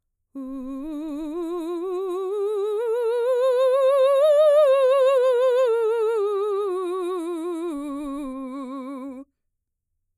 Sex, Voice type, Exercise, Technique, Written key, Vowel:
female, mezzo-soprano, scales, vibrato, , u